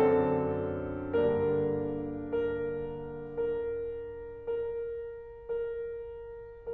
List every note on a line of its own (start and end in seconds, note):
0.03 1.13 F2
0.03 1.13 D3
0.03 1.13 F#3
0.03 1.13 C4
0.03 1.13 D4
0.03 1.13 A4
1.15 3.33 G2
1.15 3.33 D3
1.15 3.33 G3
1.15 2.40 A#3
1.15 2.40 D4
1.15 2.40 A#4
2.43 3.33 A#4
3.34 4.25 A#4
4.26 5.45 A#4
5.47 6.73 A#4